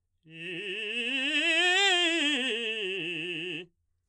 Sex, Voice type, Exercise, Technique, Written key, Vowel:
male, baritone, scales, fast/articulated forte, F major, i